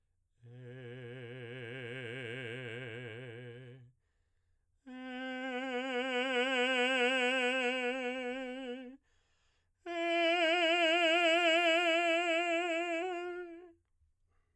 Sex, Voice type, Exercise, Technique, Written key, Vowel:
male, baritone, long tones, messa di voce, , e